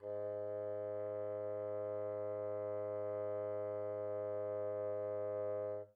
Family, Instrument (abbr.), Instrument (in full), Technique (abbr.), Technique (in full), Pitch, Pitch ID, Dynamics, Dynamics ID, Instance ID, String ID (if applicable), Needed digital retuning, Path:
Winds, Bn, Bassoon, ord, ordinario, G#2, 44, pp, 0, 0, , TRUE, Winds/Bassoon/ordinario/Bn-ord-G#2-pp-N-T16d.wav